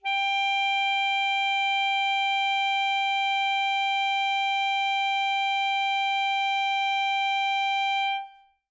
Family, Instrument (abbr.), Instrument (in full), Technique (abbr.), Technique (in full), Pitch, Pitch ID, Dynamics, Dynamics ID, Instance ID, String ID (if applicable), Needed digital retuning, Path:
Winds, ASax, Alto Saxophone, ord, ordinario, G5, 79, mf, 2, 0, , FALSE, Winds/Sax_Alto/ordinario/ASax-ord-G5-mf-N-N.wav